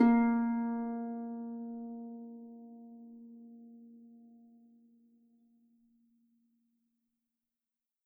<region> pitch_keycenter=58 lokey=58 hikey=59 tune=-6 volume=7.499622 xfin_lovel=70 xfin_hivel=100 ampeg_attack=0.004000 ampeg_release=30.000000 sample=Chordophones/Composite Chordophones/Folk Harp/Harp_Normal_A#2_v3_RR1.wav